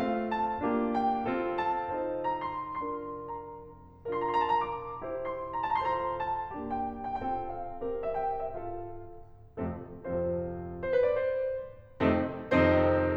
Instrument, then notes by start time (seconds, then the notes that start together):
piano
0.00 A3 C4 F4 F5
0.36 A5
0.65 A#3 D4 F4 G4
0.96 G5
1.25 C4 F4 A4
1.61 A5
1.90 D#4 F4 A4 C5
2.25 A#5
2.47 C6
2.66 D4 F4 A#4 C6
3.02 A#5
4.09 D4 F4 A#4 A#5
4.23 C6
4.31 A5
4.44 A#5
4.52 D6
5.04 E4 G4 C5
5.35 C6
5.57 A#5
5.84 F4 A4 C5 A5
5.90 A#5
6.04 C6
6.12 A#5
6.21 A5
6.55 A#3 D4 G4
6.79 G5
6.86 A#5
7.11 G5
7.15 C4 F4 A4 G5
7.47 F5
7.81 C4 G4 A#4
8.05 E5
8.16 G5
8.41 E5
8.49 F4 A4 F5
9.59 F2 C3 F3 A3 C4 F4 A4
9.89 F2 C3 F3 C4 F4 A4 C5
10.84 C5
10.92 B4
11.05 D5
11.17 C5
12.02 F2 C3 D#3 A3 C4 D#4 A4
12.43 F2 C3 D#3 C4 D#4 A4 C5